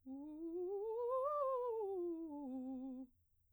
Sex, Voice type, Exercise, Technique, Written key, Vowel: female, soprano, scales, fast/articulated piano, C major, u